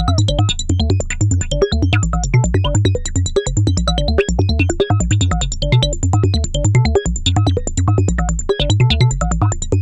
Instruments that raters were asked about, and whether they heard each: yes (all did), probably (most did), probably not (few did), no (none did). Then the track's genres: synthesizer: yes
bass: probably not
organ: no
ukulele: no
Avant-Garde; Experimental